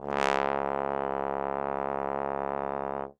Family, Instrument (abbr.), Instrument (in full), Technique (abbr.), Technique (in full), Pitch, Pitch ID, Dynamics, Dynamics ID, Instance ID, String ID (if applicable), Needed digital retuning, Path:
Brass, Tbn, Trombone, ord, ordinario, C#2, 37, ff, 4, 0, , TRUE, Brass/Trombone/ordinario/Tbn-ord-C#2-ff-N-T21d.wav